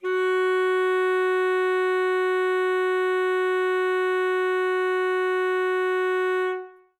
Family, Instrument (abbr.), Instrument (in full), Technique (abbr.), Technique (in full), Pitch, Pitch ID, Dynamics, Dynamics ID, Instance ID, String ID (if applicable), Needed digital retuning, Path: Winds, ASax, Alto Saxophone, ord, ordinario, F#4, 66, ff, 4, 0, , FALSE, Winds/Sax_Alto/ordinario/ASax-ord-F#4-ff-N-N.wav